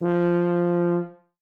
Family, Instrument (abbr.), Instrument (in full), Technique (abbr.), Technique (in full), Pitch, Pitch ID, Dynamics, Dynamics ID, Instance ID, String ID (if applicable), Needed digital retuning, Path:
Brass, BTb, Bass Tuba, ord, ordinario, F3, 53, ff, 4, 0, , FALSE, Brass/Bass_Tuba/ordinario/BTb-ord-F3-ff-N-N.wav